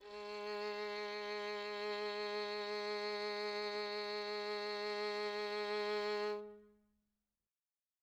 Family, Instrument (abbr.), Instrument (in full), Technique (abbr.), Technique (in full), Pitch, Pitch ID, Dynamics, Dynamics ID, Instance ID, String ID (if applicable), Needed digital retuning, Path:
Strings, Vn, Violin, ord, ordinario, G#3, 56, mf, 2, 3, 4, TRUE, Strings/Violin/ordinario/Vn-ord-G#3-mf-4c-T13u.wav